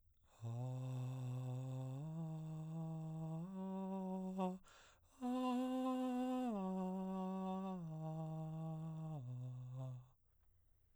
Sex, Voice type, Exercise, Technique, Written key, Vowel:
male, baritone, arpeggios, breathy, , a